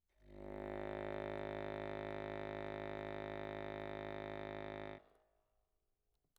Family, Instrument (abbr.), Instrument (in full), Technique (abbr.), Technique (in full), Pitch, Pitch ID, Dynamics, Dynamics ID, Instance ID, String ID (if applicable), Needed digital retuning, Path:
Keyboards, Acc, Accordion, ord, ordinario, G#1, 32, mf, 2, 0, , FALSE, Keyboards/Accordion/ordinario/Acc-ord-G#1-mf-N-N.wav